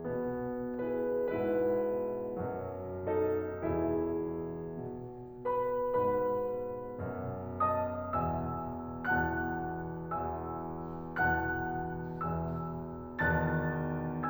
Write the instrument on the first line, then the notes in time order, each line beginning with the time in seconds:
piano
0.00 B2 B3
0.87 E4 G#4 B4
1.29 G#2 B2 G#3 E4 B4
2.38 F#2 B2 F#3
3.09 D#4 A4 D#5
3.67 E2 B2 E3 E4 G#4 E5
4.95 B2
5.55 B4 B5
5.98 G#2 B2 B4 B5
7.02 F#2 B2
7.63 D#5 A5 D#6
8.10 E2 B2 E5 G#5 E6
8.72 E2 B2 E3 F#5 A5 F#6
10.02 E2 B2 E3 E5 G#5 E6
11.25 E2 B2 E3 F#5 A5 F#6
12.24 E2 B2 E3 E5 G#5 E6
13.21 E2 B2 D#3 A5 F#6 A6